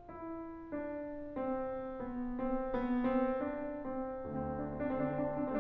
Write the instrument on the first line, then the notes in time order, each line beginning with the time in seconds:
piano
0.01 E4
0.71 D4
1.35 C4
2.01 B3
2.37 C4
2.73 B3
3.05 C4
3.41 D4
3.90 C4
4.19 D2 C4
4.51 D4
4.70 C4
4.85 D4
5.06 D3 C4
5.17 D4
5.30 C4
5.43 D4